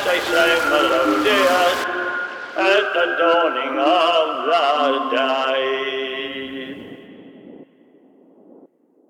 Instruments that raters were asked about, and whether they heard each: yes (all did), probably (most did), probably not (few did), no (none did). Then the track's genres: voice: yes
Hip-Hop Beats; Instrumental